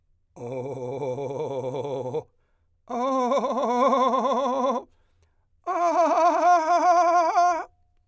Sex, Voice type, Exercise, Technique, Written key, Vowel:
male, , long tones, trillo (goat tone), , o